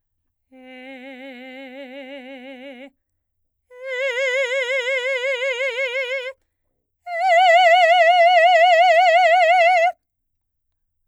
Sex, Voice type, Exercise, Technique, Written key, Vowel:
female, soprano, long tones, full voice forte, , e